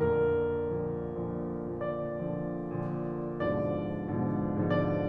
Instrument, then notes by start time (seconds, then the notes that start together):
piano
0.02 F2 A#2 D3 A#4
0.78 A#2 D3 F3
1.33 A#2 D3 F3
1.78 A#2 D3 F3
2.25 A#2 D3 F3
2.86 A#2 D3 F3
3.47 G#2 B2 D3 F3 D5
3.93 G#2 B2 D3 F3
4.55 G#2 B2 D3 F3 D5